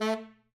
<region> pitch_keycenter=57 lokey=57 hikey=58 tune=11 volume=13.923800 lovel=84 hivel=127 ampeg_attack=0.004000 ampeg_release=1.500000 sample=Aerophones/Reed Aerophones/Tenor Saxophone/Staccato/Tenor_Staccato_Main_A2_vl2_rr4.wav